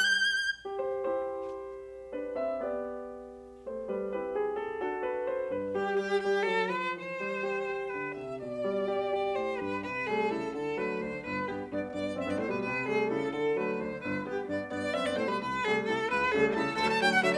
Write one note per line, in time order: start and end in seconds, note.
0.00 0.77 G6
0.57 0.66 G4
0.67 0.77 C5
0.77 2.12 E4
0.77 2.55 G4
0.77 2.12 C5
2.12 2.36 D4
2.12 2.36 B4
2.36 2.55 C4
2.36 2.55 E5
2.57 3.62 B3
2.57 4.18 G4
2.57 3.62 D5
3.63 3.89 A3
3.63 3.89 C5
3.90 4.18 G3
3.90 4.18 B4
4.18 4.83 C4
4.18 4.83 E4
4.18 4.83 G4
4.18 4.38 B4
4.38 4.59 G#4
4.60 4.83 A4
4.84 5.51 D4
4.84 5.51 F#4
4.84 5.05 A4
5.05 5.26 B4
5.26 5.51 C5
5.51 5.74 G2
5.51 5.74 B4
5.75 5.97 G3
5.75 5.90 G4
5.75 5.97 G4
5.97 6.18 G3
5.97 6.12 G4
6.18 6.37 G3
6.18 6.37 G4
6.37 6.63 F#3
6.37 6.64 A4
6.64 6.84 F3
6.64 6.84 B4
6.85 7.87 E3
6.85 7.87 C5
7.20 7.47 G3
7.47 7.66 G4
7.66 8.38 G4
7.88 8.09 D3
7.88 8.09 B4
8.09 8.38 C3
8.09 8.38 E5
8.38 9.39 B2
8.38 9.39 D5
8.68 8.92 G3
8.93 9.11 G4
9.14 9.80 G4
9.39 9.58 A2
9.39 9.58 C5
9.58 9.80 G2
9.58 9.80 B4
9.80 10.24 C3
9.80 10.01 B4
10.01 10.24 G3
10.01 10.24 A3
10.01 10.24 G#4
10.24 10.51 C#3
10.24 10.51 E4
10.24 10.51 A4
10.51 11.03 D3
10.51 10.76 A4
10.76 11.03 F#3
10.76 11.03 A3
10.76 11.04 B4
11.04 11.24 D2
11.04 11.24 D4
11.04 11.24 C5
11.24 11.68 G1
11.24 11.45 B4
11.45 11.68 G2
11.45 11.68 B3
11.45 11.63 G4
11.68 11.89 G2
11.68 11.89 B3
11.68 11.84 D5
11.90 12.16 G2
11.90 12.16 B3
11.90 12.16 D5
12.17 12.26 F#2
12.17 12.26 C4
12.17 12.26 E5
12.26 12.40 G2
12.26 12.40 B3
12.26 12.40 D5
12.40 12.49 A2
12.40 12.49 A3
12.40 12.50 C5
12.50 12.62 B2
12.50 12.62 G3
12.50 12.62 B4
12.62 13.08 C3
12.62 12.89 B4
12.89 13.08 G3
12.89 13.08 A3
12.89 13.10 G#4
13.10 13.29 C#3
13.10 13.29 E4
13.10 13.29 A4
13.29 13.78 D3
13.29 13.58 A4
13.58 13.78 F#3
13.58 13.78 A3
13.58 13.78 B4
13.78 13.98 D2
13.78 13.98 D4
13.78 13.98 C5
13.99 14.48 G1
13.99 14.27 B4
14.27 14.48 G2
14.27 14.48 B3
14.27 14.41 G4
14.48 14.72 G2
14.48 14.72 B3
14.48 14.68 D5
14.72 14.97 G2
14.72 14.97 B3
14.72 14.97 D5
14.97 15.08 F#2
14.97 15.08 C4
14.97 15.08 E5
15.08 15.17 G2
15.08 15.17 B3
15.08 15.19 D5
15.19 15.27 A2
15.19 15.27 A3
15.19 15.27 C5
15.27 15.38 B2
15.27 15.38 G3
15.27 15.38 B4
15.38 15.65 C2
15.38 15.65 B4
15.65 15.91 C3
15.65 15.91 G3
15.65 15.91 A3
15.65 15.86 G#4
15.91 16.11 C3
15.91 16.11 E4
15.91 16.07 A4
16.13 16.34 C2
16.13 16.35 B4
16.35 16.56 C3
16.35 16.56 G3
16.35 16.56 A3
16.35 16.51 G#4
16.56 16.75 C3
16.56 16.75 E4
16.56 16.71 A4
16.75 16.96 D2
16.75 16.96 F#3
16.75 16.96 A3
16.75 16.87 A4
16.87 16.94 A5
16.97 17.16 D3
16.97 17.16 F#3
16.97 17.16 A3
16.97 17.04 G5
17.07 17.14 F#5
17.17 17.38 D3
17.17 17.38 F#3
17.17 17.38 A3
17.17 17.24 E5
17.28 17.35 D5